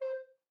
<region> pitch_keycenter=72 lokey=72 hikey=73 tune=-14 volume=11.946526 offset=92 ampeg_attack=0.004000 ampeg_release=10.000000 sample=Aerophones/Edge-blown Aerophones/Baroque Tenor Recorder/Staccato/TenRecorder_Stac_C4_rr1_Main.wav